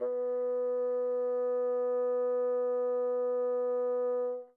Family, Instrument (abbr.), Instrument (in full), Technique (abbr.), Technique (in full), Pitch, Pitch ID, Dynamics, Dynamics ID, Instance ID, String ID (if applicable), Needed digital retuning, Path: Winds, Bn, Bassoon, ord, ordinario, B3, 59, mf, 2, 0, , FALSE, Winds/Bassoon/ordinario/Bn-ord-B3-mf-N-N.wav